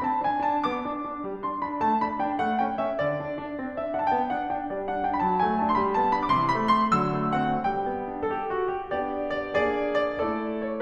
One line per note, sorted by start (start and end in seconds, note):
0.00 0.21 C4
0.00 0.21 A5
0.00 0.03 B5
0.21 0.48 D4
0.21 0.48 G#5
0.48 0.66 D4
0.48 0.66 A5
0.73 0.91 B3
0.73 1.44 D6
0.91 1.08 D4
1.08 1.29 D4
1.29 1.44 G3
1.45 1.63 D4
1.45 1.63 C6
1.64 1.81 D4
1.64 1.81 B5
1.81 2.03 A3
1.81 2.03 A5
2.03 2.23 D4
2.03 2.23 B5
2.23 2.39 D4
2.23 2.39 G5
2.40 2.58 A3
2.40 2.58 F#5
2.58 2.80 C#4
2.58 2.80 G5
2.80 2.98 C#4
2.80 2.98 E5
2.98 3.18 D3
2.98 3.75 D5
3.19 3.41 D4
3.41 3.58 D4
3.58 3.75 C4
3.75 3.90 D4
3.75 3.90 E5
3.90 4.08 D4
3.90 4.08 F#5
4.09 4.28 B3
4.09 4.28 G5
4.09 4.12 A5
4.28 4.48 D4
4.28 4.48 F#5
4.48 4.69 D4
4.48 4.69 G5
4.69 4.85 G3
4.69 4.85 D5
4.86 5.02 D4
4.86 5.02 F#5
5.02 5.19 D4
5.02 5.19 G5
5.19 5.38 F#3
5.19 5.25 B5
5.25 5.38 A5
5.38 5.60 A3
5.38 5.60 G#5
5.61 5.77 D4
5.61 5.77 A5
5.78 5.97 G3
5.78 5.83 C6
5.83 5.97 B5
5.97 6.15 B3
5.97 6.15 A5
6.15 6.29 D4
6.15 6.29 B5
6.29 6.47 C3
6.29 6.33 D6
6.34 6.47 C6
6.48 6.68 E3
6.48 6.68 B5
6.68 6.90 A3
6.68 6.90 C6
6.90 7.16 D3
6.90 7.16 F#3
6.90 7.41 E6
7.17 7.41 A3
7.42 7.66 C4
7.42 7.66 F#5
7.67 7.89 G3
7.67 8.10 G5
7.89 8.10 B3
8.10 8.34 D4
8.34 8.39 A4
8.39 8.56 G4
8.56 8.74 F#4
8.74 8.92 G4
8.93 9.56 B3
8.93 9.56 D4
8.93 9.56 G4
8.93 9.30 D5
9.31 9.56 D5
9.56 10.23 A#3
9.56 10.23 D4
9.56 10.23 G#4
9.56 9.94 D5
9.94 10.23 D5
10.23 10.81 A3
10.23 10.81 E4
10.23 10.81 A4
10.23 10.61 D5
10.62 10.81 C#5